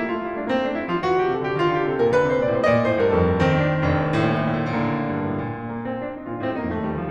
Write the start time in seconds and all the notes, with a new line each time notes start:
0.00 A#3 E4
0.15 A3 F4
0.28 G3 E4
0.39 A3 D4
0.50 A#3 C4
0.65 A3 D4
0.80 G3 E4
0.91 F3 F4
1.00 E3 F#4
1.21 D3 G4
1.36 C3 A4
1.50 D3 G4
1.60 D#3 F4
1.74 D3 G4
1.86 C3 A4
2.02 A#2 A#4
2.15 D3 B4
2.28 C3 C5
2.38 A#2 D5
2.54 A2 C5
2.76 A#2 D5 D#5
2.89 A2 C5
3.03 G2 A#4
3.16 F2 A4
3.36 D#3 C4
3.40 D4
3.48 C4
3.54 D4
3.69 F1 C4
3.76 D4
3.81 C4
3.90 D4
3.95 A2 C4
4.04 A#2 D4
4.09 A2 C4
4.13 A#2 D4
4.25 A2 C4
4.31 A#2 D4
4.39 A2 C4
4.45 A#2 D4
4.49 A2 A#3
4.56 A#2
4.66 A2
4.70 A#2
4.81 A2
4.90 A#2
5.27 G2
5.32 A2
5.36 A#2
5.75 A#3
5.92 C4
6.06 D4
6.16 D#4
6.28 A#2 D4 F4
6.43 A2 C4 G4
6.59 G2 A#3 D#4
6.73 F2 A3
6.84 D#2 G3
7.00 D2 F3